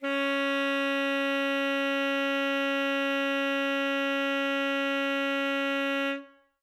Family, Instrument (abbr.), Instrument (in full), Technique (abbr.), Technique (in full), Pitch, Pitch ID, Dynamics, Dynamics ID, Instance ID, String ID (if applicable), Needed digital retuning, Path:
Winds, ASax, Alto Saxophone, ord, ordinario, C#4, 61, ff, 4, 0, , FALSE, Winds/Sax_Alto/ordinario/ASax-ord-C#4-ff-N-N.wav